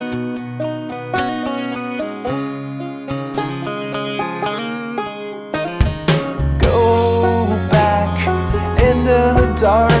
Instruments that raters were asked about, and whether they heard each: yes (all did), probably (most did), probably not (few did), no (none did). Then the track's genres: mandolin: yes
banjo: yes
Pop; Folk; Singer-Songwriter